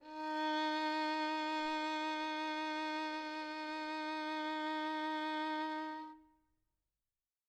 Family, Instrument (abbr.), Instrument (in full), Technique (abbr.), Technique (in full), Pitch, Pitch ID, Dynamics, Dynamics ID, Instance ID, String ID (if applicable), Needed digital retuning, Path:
Strings, Vn, Violin, ord, ordinario, D#4, 63, mf, 2, 3, 4, FALSE, Strings/Violin/ordinario/Vn-ord-D#4-mf-4c-N.wav